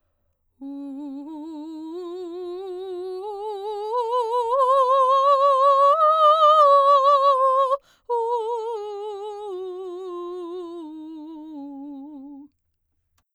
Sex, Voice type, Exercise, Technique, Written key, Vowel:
female, soprano, scales, vibrato, , u